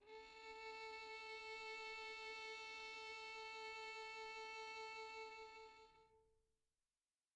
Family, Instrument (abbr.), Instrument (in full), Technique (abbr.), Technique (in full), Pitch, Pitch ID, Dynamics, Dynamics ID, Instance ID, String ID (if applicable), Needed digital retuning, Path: Strings, Vn, Violin, ord, ordinario, A4, 69, pp, 0, 2, 3, FALSE, Strings/Violin/ordinario/Vn-ord-A4-pp-3c-N.wav